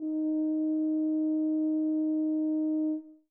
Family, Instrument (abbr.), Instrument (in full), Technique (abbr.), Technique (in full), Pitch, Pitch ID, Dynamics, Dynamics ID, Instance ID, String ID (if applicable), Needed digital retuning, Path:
Brass, BTb, Bass Tuba, ord, ordinario, D#4, 63, mf, 2, 0, , FALSE, Brass/Bass_Tuba/ordinario/BTb-ord-D#4-mf-N-N.wav